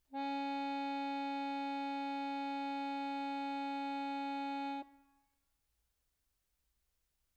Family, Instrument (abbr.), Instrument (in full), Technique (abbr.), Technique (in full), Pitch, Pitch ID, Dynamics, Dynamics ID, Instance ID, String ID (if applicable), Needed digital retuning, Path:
Keyboards, Acc, Accordion, ord, ordinario, C#4, 61, mf, 2, 1, , FALSE, Keyboards/Accordion/ordinario/Acc-ord-C#4-mf-alt1-N.wav